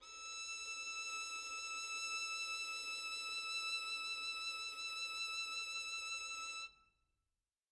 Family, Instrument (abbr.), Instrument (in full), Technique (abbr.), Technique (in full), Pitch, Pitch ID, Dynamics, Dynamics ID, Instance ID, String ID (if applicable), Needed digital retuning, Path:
Strings, Vn, Violin, ord, ordinario, E6, 88, mf, 2, 0, 1, FALSE, Strings/Violin/ordinario/Vn-ord-E6-mf-1c-N.wav